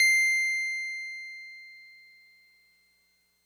<region> pitch_keycenter=96 lokey=95 hikey=98 volume=7.677068 lovel=100 hivel=127 ampeg_attack=0.004000 ampeg_release=0.100000 sample=Electrophones/TX81Z/Piano 1/Piano 1_C6_vl3.wav